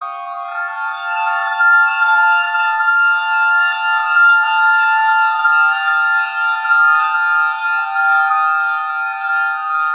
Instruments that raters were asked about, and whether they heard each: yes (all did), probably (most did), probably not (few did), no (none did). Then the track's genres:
clarinet: probably not
accordion: no
Noise; Industrial; Ambient